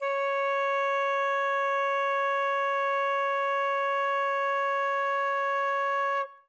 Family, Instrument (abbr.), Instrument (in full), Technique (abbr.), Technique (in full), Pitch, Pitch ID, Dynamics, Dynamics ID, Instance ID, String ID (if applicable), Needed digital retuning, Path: Winds, Fl, Flute, ord, ordinario, C#5, 73, ff, 4, 0, , FALSE, Winds/Flute/ordinario/Fl-ord-C#5-ff-N-N.wav